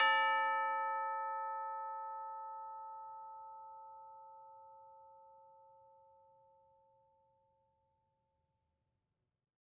<region> pitch_keycenter=69 lokey=69 hikey=70 volume=18.051383 lovel=0 hivel=83 ampeg_attack=0.004000 ampeg_release=30.000000 sample=Idiophones/Struck Idiophones/Tubular Bells 2/TB_hit_A4_v2_1.wav